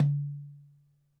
<region> pitch_keycenter=60 lokey=60 hikey=60 volume=12.473054 lovel=0 hivel=83 seq_position=1 seq_length=2 ampeg_attack=0.004000 ampeg_release=30.000000 sample=Membranophones/Struck Membranophones/Darbuka/Darbuka_1_hit_vl1_rr2.wav